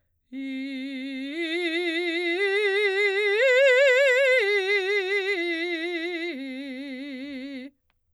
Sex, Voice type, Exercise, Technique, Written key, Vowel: female, soprano, arpeggios, slow/legato forte, C major, i